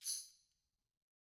<region> pitch_keycenter=62 lokey=62 hikey=62 volume=18.874233 offset=335 seq_position=2 seq_length=2 ampeg_attack=0.004000 ampeg_release=30.000000 sample=Idiophones/Struck Idiophones/Tambourine 1/Tamb1_Shake_rr2_Mid.wav